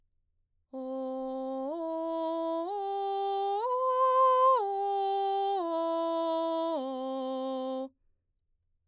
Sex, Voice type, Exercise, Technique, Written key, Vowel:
female, mezzo-soprano, arpeggios, straight tone, , o